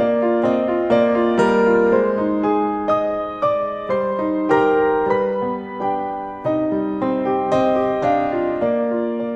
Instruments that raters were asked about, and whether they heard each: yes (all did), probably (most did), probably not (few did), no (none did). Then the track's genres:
drums: no
piano: yes
Folk; Singer-Songwriter